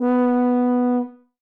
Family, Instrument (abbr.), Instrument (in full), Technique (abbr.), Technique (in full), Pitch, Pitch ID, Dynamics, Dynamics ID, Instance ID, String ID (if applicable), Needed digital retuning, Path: Brass, BTb, Bass Tuba, ord, ordinario, B3, 59, ff, 4, 0, , TRUE, Brass/Bass_Tuba/ordinario/BTb-ord-B3-ff-N-T18d.wav